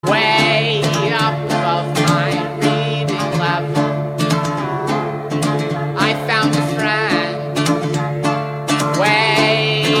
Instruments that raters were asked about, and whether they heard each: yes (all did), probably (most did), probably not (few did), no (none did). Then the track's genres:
ukulele: no
mandolin: no
Pop; Folk; Lo-Fi